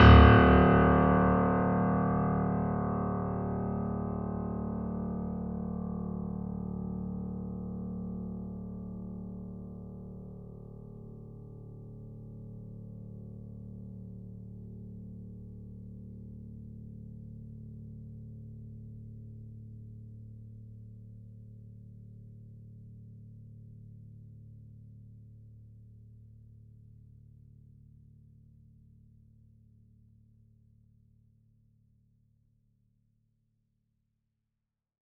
<region> pitch_keycenter=26 lokey=26 hikey=27 volume=-0.248793 lovel=66 hivel=99 locc64=65 hicc64=127 ampeg_attack=0.004000 ampeg_release=0.400000 sample=Chordophones/Zithers/Grand Piano, Steinway B/Sus/Piano_Sus_Close_D1_vl3_rr1.wav